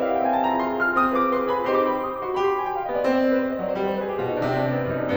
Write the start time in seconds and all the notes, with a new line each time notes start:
0.00 E4 G4 A#4 E5
0.08 F5
0.16 E4 G4 A#4 F#5
0.24 G5
0.34 C4 G#5
0.42 A5
0.50 F4 G#4 A#5
0.59 B5
0.68 F4 G#4 C6
0.86 F4 G#4 F6
1.00 C4 D#6
1.16 F4 G#4 B4 D6
1.34 F4 G#4 B4 C6
1.50 F4 G#4 B4 B5
1.68 C4 D#4 G4 C5 C6
1.79 D6
1.85 C6
1.93 B5
2.02 C6
2.11 D#6
2.19 F#4 D6
2.29 C6
2.37 G4 B5
2.45 C6
2.52 B5
2.59 G#5
2.68 G5
2.76 F5
2.84 B3 D#5
2.93 D5
3.01 C4 C5
3.15 D5
3.25 C5
3.33 B4
3.47 C5
3.54 D#5
3.62 F#3 D5
3.70 C5
3.80 G3 B4
3.87 C5
3.92 B4
4.01 G#4
4.09 G4
4.17 F4
4.26 B2 D#4
4.35 D4
4.48 C3 C4
4.56 D4
4.64 C4
4.74 B3
4.81 C4
4.89 D#4
4.98 F#2 D4
5.06 C4